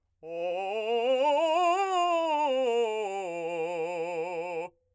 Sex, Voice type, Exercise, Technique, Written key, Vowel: male, , scales, fast/articulated forte, F major, o